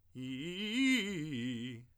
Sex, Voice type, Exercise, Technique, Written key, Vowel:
male, tenor, arpeggios, fast/articulated piano, C major, i